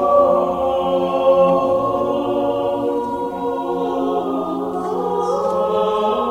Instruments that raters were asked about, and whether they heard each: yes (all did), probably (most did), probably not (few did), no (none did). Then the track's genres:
banjo: no
guitar: no
trombone: no
voice: yes
Choral Music